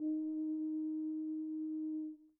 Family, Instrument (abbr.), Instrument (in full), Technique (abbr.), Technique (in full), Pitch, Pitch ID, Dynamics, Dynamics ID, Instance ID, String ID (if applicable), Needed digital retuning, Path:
Brass, BTb, Bass Tuba, ord, ordinario, D#4, 63, pp, 0, 0, , FALSE, Brass/Bass_Tuba/ordinario/BTb-ord-D#4-pp-N-N.wav